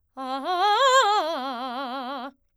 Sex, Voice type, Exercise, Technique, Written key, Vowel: female, soprano, arpeggios, fast/articulated forte, C major, a